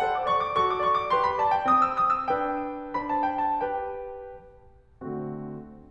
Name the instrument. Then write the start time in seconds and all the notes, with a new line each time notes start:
piano
0.00 A4 C5 F#5
0.10 D6
0.23 D5 C#6
0.37 D6
0.53 F#4 A4 C#6
0.65 D6
0.80 D5 C#6
0.94 D6
1.08 G4 B4 C6
1.23 B5
1.39 D5 A5
1.56 G5
1.71 C4 D#6
1.89 E6
2.02 D#6
2.14 E6
2.28 D4 B4 G5
2.94 D4 C5 B5
3.09 A5
3.23 G5
3.36 A5
3.61 G4 B4 G5
5.00 D3 A3 C4 F#4